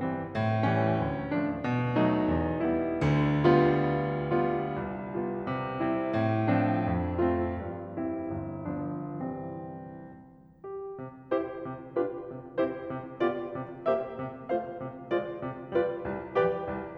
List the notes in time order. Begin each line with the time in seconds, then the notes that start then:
0.00 E3 G3 C4
0.31 A2
0.64 E3 G3 C#4
0.99 D2
1.31 F3 A3 D4
1.64 B2
2.00 F3 A3 D#4
2.38 E2
2.69 G3 B3 E4
3.03 D2 D3
3.47 G3 B3 F4
4.39 G3 B3 F4
4.74 C2
5.07 G3 B3 F4
5.47 C3
5.80 A3 C4 E4
6.15 A2
6.52 F3 C4 D4
6.90 F2
7.23 A3 C4 F4
7.56 G2
7.94 G3 C4 E4
8.32 G1
8.70 F3 B3 D4
9.13 C2 E3 G3 C4
10.63 G4
11.01 C3 C5
11.33 E4 G4 C5
11.61 C3
11.98 D4 F4 G4 B4
12.29 C3
12.64 C4 E4 G4 C5
12.97 C3
13.20 B3 F4 G4 D5
13.50 C3
13.84 A#3 G4 C5 E5
14.21 C3
14.51 A3 F4 C5 F5
14.80 C3
15.13 G#3 F4 C5 D5
15.43 C3
15.75 G3 F4 B4 D5
16.06 C2
16.38 F3 G4 B4 D5 G5
16.68 C2